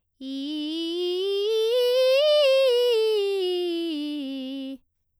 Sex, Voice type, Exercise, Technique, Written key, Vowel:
female, soprano, scales, straight tone, , i